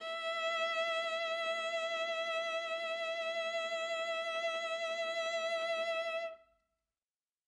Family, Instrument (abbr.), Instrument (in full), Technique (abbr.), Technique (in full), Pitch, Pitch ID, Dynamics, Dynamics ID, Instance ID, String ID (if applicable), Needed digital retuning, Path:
Strings, Va, Viola, ord, ordinario, E5, 76, ff, 4, 1, 2, TRUE, Strings/Viola/ordinario/Va-ord-E5-ff-2c-T16u.wav